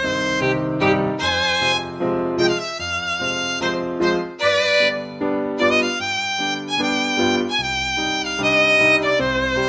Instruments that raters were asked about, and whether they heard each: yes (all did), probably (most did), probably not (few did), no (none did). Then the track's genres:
mandolin: no
violin: yes
voice: no
Classical